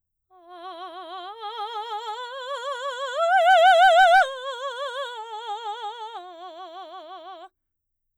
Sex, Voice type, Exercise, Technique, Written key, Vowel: female, soprano, arpeggios, slow/legato forte, F major, a